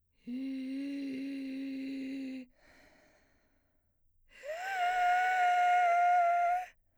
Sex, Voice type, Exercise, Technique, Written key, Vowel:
female, soprano, long tones, inhaled singing, , i